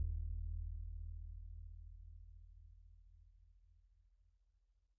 <region> pitch_keycenter=66 lokey=66 hikey=66 volume=32.312748 lovel=0 hivel=54 ampeg_attack=0.004000 ampeg_release=2.000000 sample=Membranophones/Struck Membranophones/Bass Drum 2/bassdrum_roll_pp_rel.wav